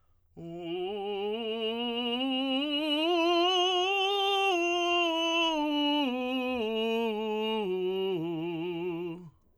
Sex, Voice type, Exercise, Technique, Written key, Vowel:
male, tenor, scales, slow/legato forte, F major, u